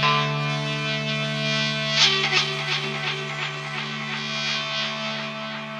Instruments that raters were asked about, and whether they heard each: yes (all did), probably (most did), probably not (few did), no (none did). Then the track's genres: accordion: no
Krautrock; Psych-Rock